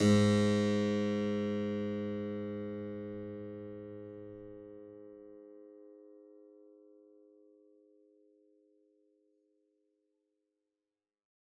<region> pitch_keycenter=44 lokey=44 hikey=45 volume=-1.260208 trigger=attack ampeg_attack=0.004000 ampeg_release=0.400000 amp_veltrack=0 sample=Chordophones/Zithers/Harpsichord, Flemish/Sustains/Low/Harpsi_Low_Far_G#1_rr1.wav